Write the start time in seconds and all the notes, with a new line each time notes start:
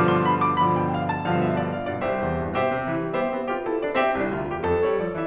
0.00 G2 B2 D3 F3 D6
0.13 C6
0.34 B5
0.43 D6
0.64 G2 B2 D3 F3 B5
0.74 G5
0.99 F5
1.07 A5
1.25 G2 B2 D3 F3 F5
1.36 E5
1.53 D5
1.71 F5
1.90 G2 B2 D3 F3 D5
2.02 C2 G4 C5 E5
2.23 E2
2.32 G2
2.55 B2 G4 C5 E5
2.66 C3
2.96 E3
3.05 G3
3.24 B3 G4 C5 E5
3.34 C4
3.55 F4 G4 B4
3.65 E4 A4 C5
3.84 D4 B4 D5
3.95 C4 G4 E5
4.23 C2 E4
4.33 D2 F4
4.59 E2 G4
4.68 F2 A4
4.88 G3 C#5
4.97 F3 D5
5.19 E3 E5